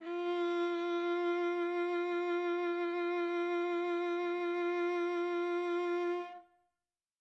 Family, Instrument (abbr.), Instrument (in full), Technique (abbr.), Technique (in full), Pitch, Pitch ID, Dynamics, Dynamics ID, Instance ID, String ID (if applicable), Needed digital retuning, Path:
Strings, Va, Viola, ord, ordinario, F4, 65, mf, 2, 3, 4, FALSE, Strings/Viola/ordinario/Va-ord-F4-mf-4c-N.wav